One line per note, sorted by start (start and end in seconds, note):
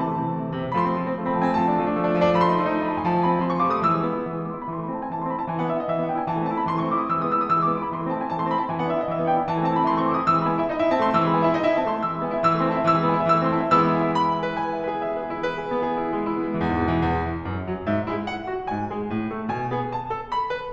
0.00 0.10 C3
0.00 0.10 E3
0.00 0.42 A5
0.10 0.22 A3
0.22 0.33 C3
0.22 0.33 E3
0.33 0.42 A3
0.43 0.50 C3
0.43 0.50 E3
0.50 0.59 A3
0.59 0.67 C3
0.59 0.67 E3
0.68 0.78 A3
0.78 0.92 F3
0.78 0.92 A3
0.78 0.82 B5
0.82 1.30 C6
0.93 1.02 C4
1.02 1.10 F3
1.02 1.10 A3
1.10 1.21 C4
1.22 1.30 F3
1.22 1.30 A3
1.30 1.38 C4
1.30 1.38 B5
1.39 1.51 F3
1.39 1.51 A3
1.39 1.51 A5
1.51 1.60 C4
1.51 1.60 G#5
1.60 1.68 F3
1.60 1.68 A3
1.60 2.01 A5
1.70 1.82 D4
1.82 1.92 F3
1.82 1.92 A3
1.92 2.01 D4
2.02 2.10 F3
2.02 2.10 A3
2.10 2.19 D4
2.21 2.30 F3
2.21 2.30 A3
2.30 2.39 D4
2.39 2.47 F3
2.39 2.47 A3
2.39 2.44 B5
2.44 2.83 C6
2.48 2.58 D#4
2.58 2.66 F3
2.58 2.66 A3
2.66 2.73 D#4
2.73 2.83 F3
2.73 2.83 A3
2.83 2.91 D#4
2.83 2.91 B5
2.93 3.01 F3
2.93 3.01 A3
2.93 3.01 A5
3.01 3.11 D#4
3.01 3.11 G#5
3.11 3.22 F3
3.11 3.22 A3
3.11 3.22 A5
3.23 3.32 C4
3.23 3.32 G#5
3.32 3.41 F3
3.32 3.41 A3
3.32 3.41 A5
3.42 3.49 C4
3.42 3.49 B5
3.49 3.60 F3
3.49 3.60 C6
3.60 3.68 A3
3.60 3.68 C#6
3.69 3.77 F3
3.69 3.77 D6
3.77 3.87 A3
3.77 3.87 D#6
3.88 3.98 E3
3.88 4.44 E6
3.98 4.09 G#3
4.09 4.18 B3
4.19 4.28 E4
4.28 4.44 E3
4.44 4.53 G#3
4.44 4.53 D6
4.53 4.64 B3
4.53 4.64 C6
4.64 4.74 E4
4.64 4.74 B5
4.77 4.84 E3
4.77 4.84 C6
4.84 4.95 A3
4.84 4.95 B5
4.95 5.02 C4
4.95 5.02 A5
5.03 5.11 E4
5.03 5.11 G#5
5.11 5.18 E3
5.11 5.18 A5
5.19 5.26 A3
5.19 5.26 C6
5.26 5.39 C4
5.26 5.39 B5
5.39 5.49 E4
5.39 5.49 A5
5.50 5.61 E3
5.50 5.61 G#5
5.61 5.71 B3
5.61 5.71 F#5
5.72 5.83 D4
5.72 5.83 E5
5.83 5.90 E4
5.83 5.90 D#5
5.90 5.99 E3
5.90 5.99 E5
6.00 6.10 B3
6.00 6.10 F#5
6.10 6.19 D4
6.10 6.19 G5
6.19 6.27 E4
6.19 6.27 G#5
6.28 6.36 E3
6.28 6.36 A5
6.36 6.46 A3
6.36 6.46 G#5
6.47 6.57 C4
6.47 6.57 A5
6.57 6.66 E4
6.57 6.66 B5
6.66 6.76 E3
6.66 6.76 C6
6.77 6.86 A3
6.77 6.86 C#6
6.86 6.93 C4
6.86 6.93 D6
6.94 7.06 E4
6.94 7.06 D#6
7.06 7.16 E3
7.06 7.16 E6
7.16 7.27 G#3
7.16 7.27 D#6
7.28 7.40 B3
7.28 7.40 E6
7.40 7.50 E4
7.40 7.50 D#6
7.50 7.59 E3
7.50 7.59 E6
7.59 7.74 G#3
7.59 7.74 D6
7.74 7.84 B3
7.74 7.84 C6
7.85 7.93 E4
7.85 7.93 B5
7.93 8.01 E3
7.93 8.01 C6
8.01 8.10 A3
8.01 8.10 B5
8.12 8.21 C4
8.12 8.21 A5
8.21 8.31 E4
8.21 8.31 G#5
8.32 8.39 E3
8.32 8.39 A5
8.39 8.50 A3
8.39 8.50 C6
8.50 8.58 C4
8.50 8.58 B5
8.59 8.68 E4
8.59 8.68 A5
8.68 8.78 E3
8.68 8.78 G#5
8.79 8.88 B3
8.79 8.88 F#5
8.88 9.01 D4
8.88 9.01 E5
9.01 9.14 E4
9.01 9.14 D#5
9.15 9.24 E3
9.15 9.24 E5
9.24 9.32 B3
9.24 9.32 F#5
9.32 9.42 D4
9.32 9.42 G5
9.43 9.52 E4
9.43 9.52 G#5
9.52 9.60 E3
9.52 9.60 A5
9.61 9.71 A3
9.61 9.71 G#5
9.71 9.81 C4
9.71 9.81 A5
9.81 9.90 E4
9.81 9.90 B5
9.91 10.04 E3
9.91 10.04 C6
10.04 10.14 A3
10.04 10.14 C#6
10.15 10.21 C4
10.15 10.21 D6
10.21 10.31 E4
10.21 10.31 D#6
10.31 10.39 E3
10.31 10.39 E6
10.40 10.51 G#3
10.40 10.51 B5
10.51 10.62 B3
10.51 10.62 G#5
10.62 10.69 E4
10.62 10.69 E5
10.70 10.79 D#4
10.70 10.79 D#5
10.79 10.89 E4
10.79 10.89 E5
10.90 10.99 C4
10.90 10.99 A5
10.99 11.12 A3
10.99 11.12 C6
11.12 11.22 E3
11.12 11.22 E6
11.23 11.32 G#3
11.23 11.32 B5
11.32 11.42 B3
11.32 11.42 G#5
11.45 11.54 E4
11.45 11.54 E5
11.54 11.64 D#4
11.54 11.64 D#5
11.64 11.74 E4
11.64 11.74 E5
11.74 11.83 C4
11.74 11.83 A5
11.83 11.98 A3
11.83 11.98 C6
11.98 12.09 E3
11.98 12.09 E6
12.09 12.20 G#3
12.09 12.20 B5
12.20 12.29 B3
12.20 12.29 G#5
12.31 12.40 E4
12.31 12.40 E5
12.40 12.55 E3
12.40 12.55 E6
12.55 12.64 A3
12.55 12.64 C6
12.65 12.74 C4
12.65 12.74 A5
12.74 12.85 E4
12.74 12.85 E5
12.86 12.96 E3
12.86 12.96 E6
12.96 13.06 G#3
12.96 13.06 B5
13.06 13.15 B3
13.06 13.15 G#5
13.17 13.27 E4
13.17 13.27 E5
13.27 13.36 E3
13.27 13.36 E6
13.37 13.50 A3
13.37 13.50 C6
13.50 13.60 C4
13.50 13.60 A5
13.60 13.70 E4
13.60 13.70 E5
13.71 14.19 E3
13.71 14.19 G#3
13.71 14.19 B3
13.71 14.19 E4
13.71 13.79 E6
13.79 13.94 B5
13.94 14.08 G#5
14.09 14.19 E5
14.19 14.33 B5
14.34 14.43 G#5
14.43 14.55 E5
14.55 14.64 B4
14.65 14.74 G#5
14.74 14.81 E5
14.83 14.93 B4
14.93 15.05 G#4
15.05 15.13 E5
15.14 15.23 B4
15.23 15.34 G#4
15.34 15.42 E4
15.42 15.52 B4
15.52 15.63 G#4
15.64 15.73 E4
15.73 15.85 B3
15.85 15.94 G#4
15.95 16.03 E4
16.03 16.09 B3
16.09 16.20 G#3
16.20 16.34 E4
16.34 16.43 B3
16.45 16.52 G#3
16.52 16.61 E3
16.63 16.71 E2
16.71 16.80 G#2
16.80 16.88 B2
16.89 16.99 E3
16.99 17.23 E2
17.24 17.45 E3
17.48 17.69 F#2
17.69 17.87 F#3
17.87 18.04 G#2
17.87 18.04 E5
18.04 18.26 G#3
18.04 18.26 E4
18.27 18.48 F#5
18.48 18.69 F#4
18.69 18.95 G#2
18.69 18.95 G#5
18.95 19.14 G#3
18.95 19.14 G#4
19.16 19.32 A2
19.33 19.49 A3
19.49 19.73 B2
19.49 19.73 G#5
19.73 19.90 B3
19.73 19.90 G#4
19.90 20.11 A5
20.12 20.36 A4
20.36 20.54 B5
20.54 20.74 B4